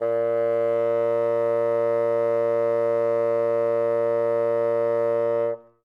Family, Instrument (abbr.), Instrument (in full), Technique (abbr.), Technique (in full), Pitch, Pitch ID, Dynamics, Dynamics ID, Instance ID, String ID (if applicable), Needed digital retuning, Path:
Winds, Bn, Bassoon, ord, ordinario, A#2, 46, ff, 4, 0, , FALSE, Winds/Bassoon/ordinario/Bn-ord-A#2-ff-N-N.wav